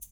<region> pitch_keycenter=67 lokey=67 hikey=67 volume=21.484522 seq_position=1 seq_length=2 ampeg_attack=0.004000 ampeg_release=30.000000 sample=Idiophones/Struck Idiophones/Shaker, Small/Mid_ShakerLowFaster_Up_rr1.wav